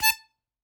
<region> pitch_keycenter=81 lokey=80 hikey=82 tune=3 volume=1.972835 seq_position=1 seq_length=2 ampeg_attack=0.004000 ampeg_release=0.300000 sample=Aerophones/Free Aerophones/Harmonica-Hohner-Special20-F/Sustains/Stac/Hohner-Special20-F_Stac_A4_rr1.wav